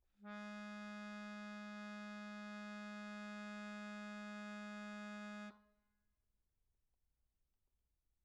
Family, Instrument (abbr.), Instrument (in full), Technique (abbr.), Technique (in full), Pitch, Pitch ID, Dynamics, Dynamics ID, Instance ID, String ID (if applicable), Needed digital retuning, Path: Keyboards, Acc, Accordion, ord, ordinario, G#3, 56, pp, 0, 1, , FALSE, Keyboards/Accordion/ordinario/Acc-ord-G#3-pp-alt1-N.wav